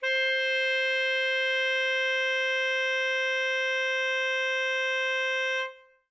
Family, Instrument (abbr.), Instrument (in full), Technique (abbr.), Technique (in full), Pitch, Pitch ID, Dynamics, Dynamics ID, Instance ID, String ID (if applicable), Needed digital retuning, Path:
Winds, ASax, Alto Saxophone, ord, ordinario, C5, 72, ff, 4, 0, , FALSE, Winds/Sax_Alto/ordinario/ASax-ord-C5-ff-N-N.wav